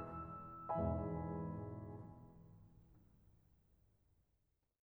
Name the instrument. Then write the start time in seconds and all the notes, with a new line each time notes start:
piano
0.00 E6
0.68 E2 G#2 B2 E3 E5 G#5 B5